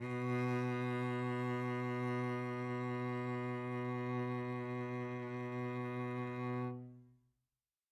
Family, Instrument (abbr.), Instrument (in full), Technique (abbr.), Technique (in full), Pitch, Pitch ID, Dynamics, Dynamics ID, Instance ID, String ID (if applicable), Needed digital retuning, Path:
Strings, Vc, Cello, ord, ordinario, B2, 47, mf, 2, 2, 3, FALSE, Strings/Violoncello/ordinario/Vc-ord-B2-mf-3c-N.wav